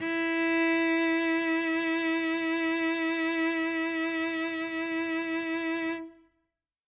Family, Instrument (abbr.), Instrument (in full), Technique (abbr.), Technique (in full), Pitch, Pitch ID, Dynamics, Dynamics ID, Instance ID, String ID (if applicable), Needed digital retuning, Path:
Strings, Vc, Cello, ord, ordinario, E4, 64, ff, 4, 0, 1, FALSE, Strings/Violoncello/ordinario/Vc-ord-E4-ff-1c-N.wav